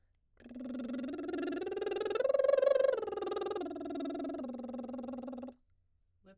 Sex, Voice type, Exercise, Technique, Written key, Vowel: female, soprano, arpeggios, lip trill, , a